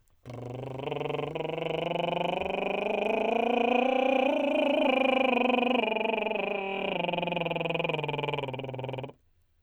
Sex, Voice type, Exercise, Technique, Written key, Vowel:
male, tenor, scales, lip trill, , e